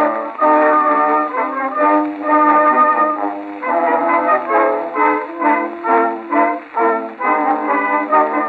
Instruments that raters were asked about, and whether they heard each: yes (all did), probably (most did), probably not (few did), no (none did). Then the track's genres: bass: no
cymbals: no
trumpet: probably
Old-Time / Historic